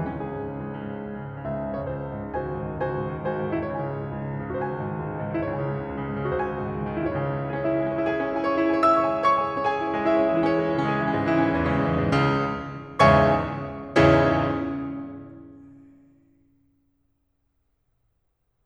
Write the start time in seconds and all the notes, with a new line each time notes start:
0.00 C#2 E3
0.05 C#4
0.10 C#3 G#4
0.22 G#2
0.31 C#3
0.43 C#2
0.52 C#3
0.64 G#2
0.73 C#3
0.84 C#2
0.98 C#3
1.13 G#2
1.23 C#3
1.39 C#2 E5
1.50 C#3
1.64 G#2
1.74 C#3 C#5
1.85 C#2 C5
1.94 D#3
2.07 G#2
2.18 D#3
2.31 C#2 F#4 C5 G#5
2.40 D#3
2.48 G#2
2.59 D#3
2.68 C#2 F#4 C5 G#5
2.80 D#3
2.91 G#2
3.01 D#3
3.12 C#2 F#4 C5 G#5
3.22 D#3
3.32 G#2
3.45 D#3
3.54 C#2 E4
3.60 C#5
3.68 C#3 G#5
3.76 G#2
3.85 C#3
3.94 C#2
4.05 C#3
4.16 G#2
4.28 C#3
4.38 C#2 F#4
4.52 C5
4.56 D#3 G#5
4.68 G#2
4.83 D#3
4.91 C#2
5.03 D#3
5.13 G#2
5.27 D#3
5.38 C#2 E4
5.42 C#3 C#5 G#5
5.55 G#2
5.64 C#3
5.70 C#2
5.80 C#3
5.93 G#2
6.07 C#3
6.18 C#2 F#4
6.23 C5
6.36 D#3 G#5
6.50 G#2
6.59 D#3
6.69 C#2
6.82 D#3
6.93 G#2
7.05 D#3
7.17 C#2 G#2 C#3 E4 C#5
7.22 G#5
7.34 E3 E4
7.49 G#3 G#4
7.58 C#4 C#5
7.67 E4 E5
7.77 G#3 G#4
7.86 C#4 C#5
7.96 E4 E5
8.05 G#4 G#5
8.15 C#4 C#5
8.22 E4 E5
8.30 G#4 G#5
8.39 C#5 C#6
8.54 E4 E5
8.66 G#4 G#5
8.77 C#5 C#6
8.87 E5 E6
8.96 C#5 C#6
9.06 G#4 G#5
9.15 E4 E5
9.26 C#5 C#6
9.37 G#4 G#5
9.46 E4 E5
9.54 C#4 C#5
9.65 G#4 G#5
9.75 E4 E5
9.86 C#4 C#5
9.95 G#3 G#4
10.08 E4 E5
10.18 C#4 C#5
10.27 G#3 G#4
10.37 E3 E4
10.46 C#4 C#5
10.54 G#3 G#4
10.62 E3 E4
10.73 C#3 C#4
10.83 G#3 G#4
10.91 E3 E4
11.02 C#3 C#4
11.12 G#2 G#3
11.22 E3 E4
11.33 C#3 C#4
11.42 G#2 G#3
11.55 E2 E3
11.68 C#3 C#4
11.91 E2 E3
12.02 G#2 G#3
12.10 C#2 C#3
12.97 C#2 E2 G#2 C#3 C#5 E5 G#5 C#6
13.96 C#2 E2 G#2 C#3 C#4 E4 G#4 C#5